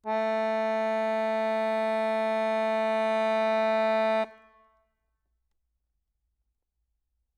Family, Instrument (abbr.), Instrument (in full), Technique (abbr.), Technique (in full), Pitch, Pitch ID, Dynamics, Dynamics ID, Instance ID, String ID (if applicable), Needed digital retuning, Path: Keyboards, Acc, Accordion, ord, ordinario, A3, 57, ff, 4, 1, , FALSE, Keyboards/Accordion/ordinario/Acc-ord-A3-ff-alt1-N.wav